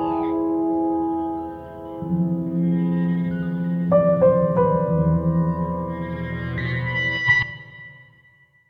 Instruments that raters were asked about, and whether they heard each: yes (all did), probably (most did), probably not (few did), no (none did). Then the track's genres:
piano: yes
cello: no
Jazz; Electronic; Breakbeat